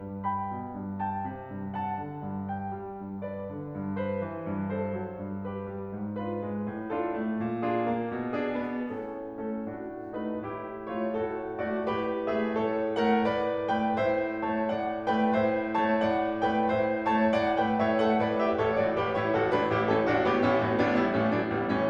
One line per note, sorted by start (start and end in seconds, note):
0.00 0.50 G2
0.27 0.78 G5
0.27 0.78 B5
0.50 0.78 B2
0.78 1.28 G2
1.07 1.52 G5
1.07 1.52 A5
1.30 1.52 C3
1.54 2.05 G2
1.75 2.25 F#5
1.75 2.25 A5
2.05 2.25 D3
2.25 2.72 G2
2.47 2.98 G5
2.72 2.98 G3
3.00 3.48 G2
3.20 3.73 B4
3.20 3.73 D5
3.48 3.73 D3
3.73 4.20 G2
3.96 4.47 B4
3.96 4.47 C5
4.20 4.47 E3
4.47 4.92 G2
4.71 5.12 A4
4.71 5.12 C5
4.93 5.12 F#3
5.12 5.62 G2
5.41 6.00 G4
5.41 6.00 B4
5.62 6.00 G3
6.00 6.46 G#2
6.21 6.71 D4
6.21 6.71 F4
6.21 6.71 B4
6.47 6.71 G#3
6.71 7.08 A2
6.91 7.31 D4
6.91 7.31 F4
6.91 7.31 A4
7.08 7.31 A3
7.31 7.85 A#2
7.62 8.13 D4
7.62 8.13 F4
7.62 8.13 G#4
7.86 8.13 A#3
8.14 8.57 B2
8.35 8.93 D4
8.35 8.93 G#4
8.57 8.93 B3
8.93 9.43 A2
8.93 9.43 C#4
8.93 9.43 A4
9.43 9.61 A3
9.43 9.61 C#4
9.43 9.61 A4
9.62 10.12 A2
9.62 10.12 D4
9.62 10.12 F#4
10.12 10.36 A3
10.12 10.36 D#4
10.12 10.36 B4
10.36 10.89 A2
10.36 10.89 E4
10.36 10.89 G4
10.89 11.09 A3
10.89 11.09 F4
10.89 11.09 C#5
11.10 11.63 A2
11.10 11.63 F#4
11.10 11.63 A4
11.63 11.90 A3
11.63 11.90 F#4
11.63 11.90 D5
11.90 12.29 A2
11.90 12.29 G4
11.90 12.29 B4
12.29 12.53 A3
12.29 12.53 G#4
12.29 12.53 E5
12.53 12.97 A2
12.53 12.97 A4
12.53 12.97 C#5
12.98 13.18 A3
12.98 13.18 A#4
12.98 13.18 F#5
13.18 13.70 A2
13.18 13.70 B4
13.18 13.70 D5
13.70 13.94 A3
13.70 13.94 B4
13.70 13.94 G5
13.94 14.48 A2
13.94 14.48 C5
13.94 14.48 E5
14.49 14.68 A3
14.49 14.68 C#5
14.49 14.68 A5
14.69 15.08 A2
14.69 15.08 D5
14.69 15.08 F#5
15.08 15.30 A3
15.08 15.30 B4
15.08 15.30 G5
15.30 15.73 A2
15.30 15.73 C5
15.30 15.73 E5
15.74 15.95 A3
15.74 15.95 C#5
15.74 15.95 A5
15.96 16.43 A2
15.96 16.43 D5
15.96 16.43 F#5
16.43 16.68 A3
16.43 16.68 B4
16.43 16.68 G5
16.68 17.10 A2
16.68 17.10 C5
16.68 17.10 E5
17.10 17.35 A3
17.10 17.35 C#5
17.10 17.35 A5
17.36 17.57 A2
17.36 17.57 D5
17.36 17.57 F#5
17.58 17.82 A3
17.58 17.82 B4
17.58 17.82 G5
17.82 18.00 A2
17.82 18.00 C#5
17.82 18.00 E5
18.00 18.23 A3
18.00 18.23 A4
18.00 18.23 F#5
18.23 18.43 A2
18.23 18.43 B4
18.23 18.43 D5
18.43 18.63 A3
18.43 18.63 G4
18.43 18.63 E5
18.63 18.80 A1
18.63 18.80 A4
18.63 18.80 C#5
18.80 18.97 A2
18.80 18.97 F#4
18.80 18.97 D5
18.98 19.18 A1
18.98 19.18 G4
18.98 19.18 B4
19.18 19.35 A2
19.18 19.35 E4
19.18 19.35 C#5
19.35 19.56 A1
19.35 19.56 F#4
19.35 19.56 A4
19.56 19.71 A2
19.56 19.71 D4
19.56 19.71 B4
19.71 19.88 A1
19.71 19.88 E4
19.71 19.88 G4
19.89 20.06 A2
19.89 20.06 C#4
19.89 20.06 A4
20.07 20.21 A1
20.07 20.21 D4
20.07 20.21 F#4
20.21 20.41 A2
20.21 20.41 B3
20.21 20.41 G4
20.41 20.58 A1
20.41 20.58 C#4
20.41 20.58 E4
20.58 20.77 A2
20.58 20.77 A3
20.58 20.77 F#4
20.77 20.94 A1
20.77 20.94 B3
20.77 20.94 D4
20.94 21.14 A2
20.94 21.14 G3
20.94 21.14 E4
21.15 21.35 A1
21.15 21.35 A3
21.15 21.35 C#4
21.36 21.52 A2
21.36 21.52 F#3
21.36 21.52 D4
21.52 21.69 A1
21.52 21.69 G3
21.52 21.69 B3
21.69 21.90 A2
21.69 21.90 E3
21.69 21.90 C#4